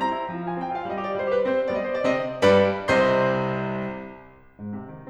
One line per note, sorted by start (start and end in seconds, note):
0.00 0.10 C4
0.00 0.43 A#5
0.12 0.28 E4
0.29 0.43 F3
0.43 0.60 F4
0.43 0.60 G#5
0.60 0.77 C4
0.60 0.77 G5
0.77 0.87 F4
0.77 0.87 F5
0.87 1.02 G3
0.87 1.02 D#5
1.02 1.17 G4
1.02 1.17 D5
1.17 1.29 G3
1.17 1.29 C5
1.29 1.42 G4
1.29 1.42 B4
1.42 1.68 C4
1.42 1.68 C5
1.70 2.07 G3
1.70 2.07 B3
1.70 1.76 D5
1.76 1.83 D#5
1.85 1.96 C5
1.96 2.07 D5
2.08 2.43 C3
2.08 2.43 C4
2.08 2.43 D#5
2.43 2.94 G2
2.43 2.94 G3
2.43 2.94 B4
2.43 2.94 D5
2.43 2.94 B5
2.94 3.68 C2
2.94 3.68 C3
2.94 3.68 C5
2.94 3.68 D#5
2.94 3.68 C6
4.57 4.77 G#2
4.78 4.92 C3
4.93 5.09 D#3